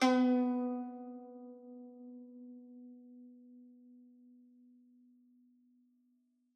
<region> pitch_keycenter=59 lokey=58 hikey=60 volume=4.811172 lovel=66 hivel=99 ampeg_attack=0.004000 ampeg_release=0.300000 sample=Chordophones/Zithers/Dan Tranh/Normal/B2_f_1.wav